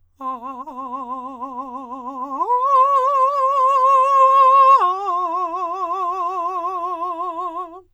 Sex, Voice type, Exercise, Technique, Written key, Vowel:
male, countertenor, long tones, trill (upper semitone), , a